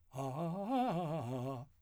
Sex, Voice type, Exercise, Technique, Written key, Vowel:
male, , arpeggios, fast/articulated piano, C major, a